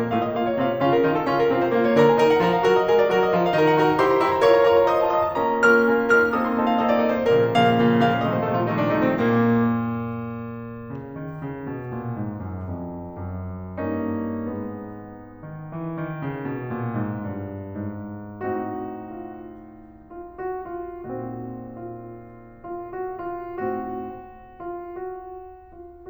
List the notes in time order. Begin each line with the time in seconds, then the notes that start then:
0.00 A2 A3 F4
0.09 D#5
0.27 A#2 A#3 F4 F5
0.37 C#5
0.49 C3 C4 F4 F5
0.60 C5
0.80 C#3 C#4 F4 F5
0.93 A#4
1.07 D#3 D#4 F4 F5
1.20 A4
1.29 C#3 C#4 F4 F5
1.38 A#4
1.53 C3 C4 F4 F5
1.63 C5
1.73 A#2 A#3 F4 F5
1.82 C#5
1.95 D3 D4 A#4 A#5
2.04 G#5
2.11 D#3 D#4 A#4 A#5
2.22 F#5
2.31 F3 F4 A#4 A#5
2.43 F5
2.52 F#3 F#4 A#4 A#5
2.62 D#5
2.73 G#3 G#4 A#4 A#5
2.82 D5
2.93 F#3 F#4 A#4 A#5
3.09 D#5
3.24 F3 F4 A#4 A#5
3.37 F5
3.49 D#3 D#4 A#4 A#5
3.63 F#5
3.74 D#4 F#4 A#4 A#5
3.83 F#5
3.95 E4 G4 C5 C6
4.04 A#5
4.16 E4 G4 C5 C6
4.27 A#5
4.39 F4 A#4 C#5 C#6
4.47 A#5
4.60 F4 A#4 C#5 C#6
4.71 A#5
4.88 F4 C5 D#5 D#6
5.00 A5
5.12 F4 C5 D#5 D#6
5.22 A5
5.32 A#3 C#4 F4 A#4 A#5
5.65 A#3 C#4 F4 A#4 F6
5.86 A#3 C#4 F4 A#4
6.12 A#3 C#4 F4 A#4 F6
6.34 A#3 C4 D#4 F4 A4 D#6
6.43 C6
6.52 A#3 C4 D#4 F4 A4 A5
6.63 F5
6.77 A#3 C4 D#4 F4 A4 D#5
6.86 D5
6.95 A#3 C4 D#4 F4 A4 D#5
7.06 C5
7.29 A#2 C#3 F3 A#3 A#4
7.50 A#2 C#3 F3 A#3 F5
7.74 A#2 C#3 F3 A#3
7.94 A#2 C#3 F3 A#3 F5
8.16 A#2 C3 D#3 F3 A3 D#5
8.27 C5
8.42 A#2 C3 D#3 F3 A3 A4
8.53 F4
8.63 A#2 C3 D#3 F3 A3 D#4
8.73 D4
8.84 A#2 C3 D#3 F3 A3 D#4
8.95 C4
9.06 A#2 A#3
10.91 C#3
11.22 D#3
11.42 C#3
11.68 B2
11.91 A#2
12.18 G#2
12.42 F#2
12.69 F2
13.17 F#2
13.83 G2 A#3 C#4 D#4
14.55 G#2 G#3 B3
15.41 D#3
15.67 E3
16.01 D#3
16.22 C#3
16.51 B2
16.71 A#2
16.99 G#2
17.36 G2
17.84 G#2
18.52 A2 C4 D#4 F#4
19.11 F4
19.96 F4
20.41 F#4
20.67 F4
21.10 A#2 C4 D#4 F#4
21.72 F4
22.66 F4
22.91 F#4
23.22 F4
23.61 A2 C4 D#4 F#4
24.62 F4
24.81 F#4
25.79 F4